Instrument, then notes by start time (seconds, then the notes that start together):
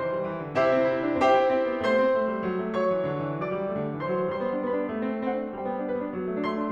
piano
0.01 E3 C5 C6
0.18 G3
0.30 E3
0.44 D3
0.59 C3 E4 G4 C5 E5
0.71 C4
0.89 E4
1.02 D4
1.18 C4 G4 C5 E5 G5
1.33 E4
1.49 C4
1.67 B3
1.84 A3 C5 C6
2.07 C4
2.22 A3
2.37 G3
2.50 F#3
2.64 A3
2.75 F#3 C#5 C#6
2.89 E3
2.99 D3
3.18 E3
3.37 F#3 D5 D6
3.54 G3
3.70 A3
3.84 D3
4.01 E3 C5 C6
4.16 F#3
4.32 G3 C5 C6
4.43 B3
4.55 D4
4.65 B3 B4 B5
4.77 D4
4.87 B3
4.95 G3
5.06 C4
5.17 D4
5.24 C4 C5 F#5
5.35 D4
5.44 C4
5.54 G3 C5 G5
5.63 B3
5.73 D4
5.83 B3 B4
5.94 D4
6.04 B3
6.17 F#3
6.25 A3
6.34 D4
6.45 A3 C6
6.54 D4
6.64 A3